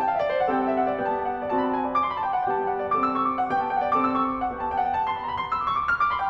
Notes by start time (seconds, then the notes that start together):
0.00 G5
0.09 F5
0.19 E5
0.27 D5
0.35 C5
0.43 G3 C4 A4 F#5
0.52 G5
0.64 F#5
0.72 E5
0.82 F#5
0.91 D5
0.98 B3 G4 G5
1.04 A5
1.13 G5
1.24 F#5
1.32 G5
1.42 D5
1.52 C4 F#4 A5
1.58 B5
1.65 A5
1.73 G#5
1.78 A5
1.85 D5
1.94 D6
2.03 C6
2.09 B5
2.18 A5
2.28 G5
2.38 F#5
2.47 G3 B3 G4 G5
2.54 A5
2.62 G5
2.69 F#5
2.76 G5
2.86 D5
2.95 C4 A4 D6
3.03 E6
3.13 D6
3.20 C#6
3.30 D6
3.38 F#5
3.47 G3 B3 G4 G5
3.55 A5
3.60 G5
3.68 F#5
3.75 G5
3.82 D5
3.91 C4 A4 D6
3.98 E6
4.11 D6
4.21 C#6
4.31 D6
4.42 F#5
4.50 B3 D4 G4 G5
4.60 A5
4.68 G5
4.77 F#5
4.83 G5
4.91 A5
5.00 B5
5.10 C6
5.18 B5
5.25 A#5
5.31 B5 C6
5.42 D6
5.53 E6
5.62 D6
5.70 C#6
5.78 D6
5.84 E6
5.93 F6
6.03 D6
6.13 B5
6.22 G5